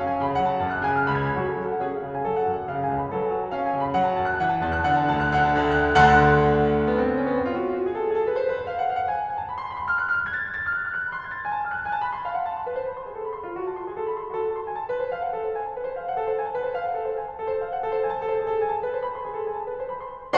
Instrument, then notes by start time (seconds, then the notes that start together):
piano
0.01 C#4 F5
0.10 G#5
0.20 C#3 G#5
0.30 B5
0.40 F#3 F#5
0.53 A5
0.64 F#2 A5
0.74 F#6
0.85 C#3 G#5
0.95 F6
1.06 C#2 B5
1.21 G#6
1.33 F#2 F#4
1.48 A4
1.60 F#3 A4
1.74 F#5
1.86 C#4 G#4
1.98 F5
2.07 C#3 F5
2.17 G#5
2.29 F#3 A4
2.40 F#5
2.51 F#2 F#5
2.59 A5
2.70 C#3 F5
2.80 G#5
2.90 C#2 G#5
3.02 B5
3.11 F#2 A4
3.21 F#5
3.35 F#3 F#5
3.44 A5
3.54 C#4 F5
3.62 G#5
3.72 C#3 G#5
3.84 B5
3.95 F#3 F#5
4.12 A5
4.21 F#2 A5
4.32 F#6
4.43 E3 F#5
4.53 A5
4.65 E2 A5
4.75 F#6
4.87 D3 F#5
5.03 A5
5.14 D2 A5
5.25 F#6
5.40 D3 F#5
5.54 A5
5.65 D2 A5
5.78 F#6
5.89 D2 D3 F#5 A5 C6 F#6
6.86 B3
6.96 C4
7.08 B3
7.17 C4
7.26 B3
7.35 C4
7.45 F4
7.56 F#4
7.68 F4
7.77 F#4
7.85 G#4
7.94 A4
8.03 G#4
8.12 A4
8.26 B4
8.36 C5
8.48 B4
8.59 C5
8.69 F5
8.79 F#5
8.88 F5
8.98 F#5
9.10 G#5
9.21 A5
9.32 G#5
9.41 A5
9.51 B5
9.60 C6
9.71 B5
9.80 C6
9.98 F6
10.08 F#6
10.18 F6
10.27 F#6
10.37 G#6
10.47 A6
10.57 G#6
10.66 A6
10.75 F6
10.84 F#6
10.94 F6
11.04 F#6
11.13 B5
11.22 C6
11.33 G#6
11.40 A6
11.48 G#5
11.59 A5
11.72 F6
11.80 F#6
11.88 G#5
11.99 A5
12.08 B5
12.16 C6
12.27 F5
12.36 F#5
12.47 A5
12.59 C6
12.66 B4
12.78 C5
12.90 B5
13.01 C6
13.09 G#4
13.18 A4
13.26 B5
13.36 C6
13.44 F4
13.55 F#4
13.66 A5
13.75 C6
13.86 G#4
13.96 A4
14.10 B5
14.22 C6
14.31 F4
14.39 F#4
14.48 A5
14.56 C6
14.66 G#5
14.76 A5
14.89 B4
15.02 C5
15.13 F5
15.25 F#5
15.35 A4
15.47 C5
15.56 G#5
15.68 A5
15.77 B4
15.87 C5
15.98 F5
16.07 F#5
16.19 A4
16.28 C5
16.36 G#5
16.48 A5
16.60 B4
16.70 C5
16.82 F5
16.89 F#5
16.97 A4
17.07 C5
17.20 G#5
17.28 A5
17.37 A4
17.49 C5
17.62 F5
17.71 F#5
17.83 A4
17.91 C5
17.99 G#5
18.09 A5
18.21 A4
18.29 C5
18.40 G#4
18.52 A4
18.62 G#5
18.72 A5
18.83 B4
18.92 C5
19.06 B5
19.15 C6
19.24 G#4
19.35 A4
19.46 G#5
19.60 A5
19.72 B4
19.85 C5
20.06 B5
20.24 C6